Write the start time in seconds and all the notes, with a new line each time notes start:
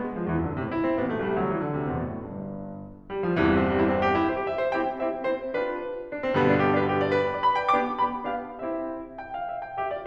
0.01 G#3
0.16 E2 F3
0.30 F#2 E3
0.45 G#2 D3
0.60 A2 C3
0.75 E4
0.89 C4
1.02 A1 B3
1.11 B1 A3
1.27 C2 G3
1.45 D2 F#3
1.56 E3
1.71 D3
1.81 D2 C3
1.95 E2 B2
2.05 F#2 A2
2.17 G1 G2
3.09 G3
3.27 F3
3.40 C2 E2 G2 D3 E3
3.55 G3
3.66 C4
3.76 G3
3.84 E4
3.94 C4
4.04 G4
4.14 E4
4.30 C5
4.40 G4
4.49 E5
4.60 C5
4.69 C4 E4 G4 G5
4.95 C4 E4 G4 E5
5.14 C4 E4 G4 C5
5.46 D4 F4 G4 B4
6.18 D4
6.27 C4
6.37 G2 B2 D3 G3 B3
6.47 D4
6.62 G4
6.73 D4
6.85 B4
6.95 G4
7.05 D5
7.14 B4
7.24 G5
7.35 D5
7.47 B5
7.62 G5
7.73 B3 D4 G4 D6
8.02 B3 D4 G4 B5
8.28 B3 D4 G4 F5
8.56 C4 E4 G4 E5
9.21 G5
9.40 F5
9.54 E5
9.62 G5
9.78 G4 E5
9.90 F4 D5